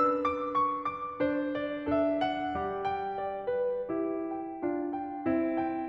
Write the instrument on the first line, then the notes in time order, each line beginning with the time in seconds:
piano
0.00 D4 B4 E6
0.24 D6
0.56 C#6
0.88 D6
1.21 D4 C5
1.54 D5
1.92 D4 A4 E5
2.23 F#5
2.59 G3 G4
2.83 G5
3.17 D5
3.53 B4
3.91 E4 G4
4.32 G5
4.64 D4 F4
4.91 G5
5.22 C4 E4
5.57 G5